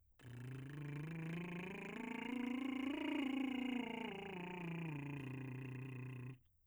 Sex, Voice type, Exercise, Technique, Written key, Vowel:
male, , scales, lip trill, , a